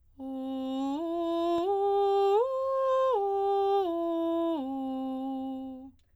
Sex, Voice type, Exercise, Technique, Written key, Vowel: female, soprano, arpeggios, straight tone, , o